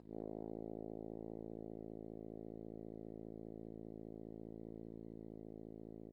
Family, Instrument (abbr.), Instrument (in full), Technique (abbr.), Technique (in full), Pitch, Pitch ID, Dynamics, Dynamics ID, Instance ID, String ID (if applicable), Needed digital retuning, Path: Brass, Hn, French Horn, ord, ordinario, A1, 33, mf, 2, 0, , FALSE, Brass/Horn/ordinario/Hn-ord-A1-mf-N-N.wav